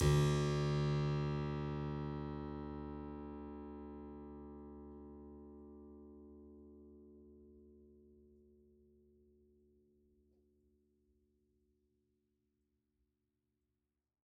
<region> pitch_keycenter=38 lokey=38 hikey=39 volume=3.017040 trigger=attack ampeg_attack=0.004000 ampeg_release=0.400000 amp_veltrack=0 sample=Chordophones/Zithers/Harpsichord, French/Sustains/Harpsi2_Normal_D1_rr1_Main.wav